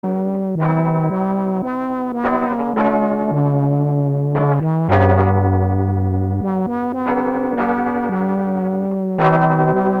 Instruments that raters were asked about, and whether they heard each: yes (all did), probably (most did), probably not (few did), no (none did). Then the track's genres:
trombone: yes
trumpet: probably
Electronic; Musique Concrete